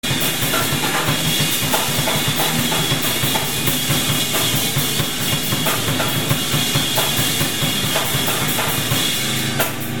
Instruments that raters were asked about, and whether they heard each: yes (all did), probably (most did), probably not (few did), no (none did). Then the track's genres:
cymbals: yes
drums: yes
flute: no
violin: no
guitar: probably not
Loud-Rock; Experimental Pop